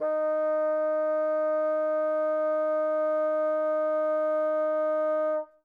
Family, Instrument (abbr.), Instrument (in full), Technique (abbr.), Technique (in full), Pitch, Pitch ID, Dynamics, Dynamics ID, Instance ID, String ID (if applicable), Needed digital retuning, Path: Winds, Bn, Bassoon, ord, ordinario, D#4, 63, mf, 2, 0, , FALSE, Winds/Bassoon/ordinario/Bn-ord-D#4-mf-N-N.wav